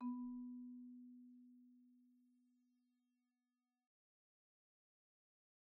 <region> pitch_keycenter=59 lokey=58 hikey=62 volume=27.827660 offset=113 xfin_lovel=0 xfin_hivel=83 xfout_lovel=84 xfout_hivel=127 ampeg_attack=0.004000 ampeg_release=15.000000 sample=Idiophones/Struck Idiophones/Marimba/Marimba_hit_Outrigger_B2_med_01.wav